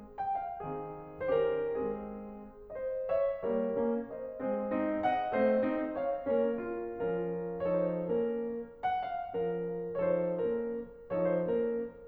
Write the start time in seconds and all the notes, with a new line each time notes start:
0.21 G5
0.39 F5
0.59 D#3 C4 G#4
1.33 D#3 C#4 G4 C5
1.44 A#4
1.70 G#3 C4 G#4
2.74 C5 D#5
3.13 C#5 E5
3.45 G3 A#3 A#4 C#5
3.76 A#3 C#4
4.14 C5 D#5
4.44 G#3 C4 G#4 C5
4.69 C4 D#4
5.05 D#5 F#5
5.33 A3 C4 C5 D#5
5.65 C4 D#4
5.98 C#5 F5
6.32 A#3 C#4 A#4 C#5
6.60 C#4 F4
6.88 F3 C#4 F4 A#4
7.63 F3 D#4 A4 C#5
7.82 C5
8.16 A#3 C#4 A#4
8.84 F#5
9.02 F5
9.34 F3 C#4 F4 A#4
10.02 F3 D#4 A4 C#5
10.17 C5
10.41 A#3 C#4 A#4
11.10 F3 D#4 A4 C#5
11.23 C5
11.58 A#3 C#4 A#4